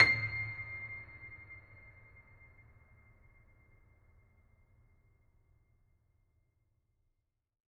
<region> pitch_keycenter=96 lokey=96 hikey=97 volume=-1.624940 lovel=100 hivel=127 locc64=65 hicc64=127 ampeg_attack=0.004000 ampeg_release=0.400000 sample=Chordophones/Zithers/Grand Piano, Steinway B/Sus/Piano_Sus_Close_C7_vl4_rr1.wav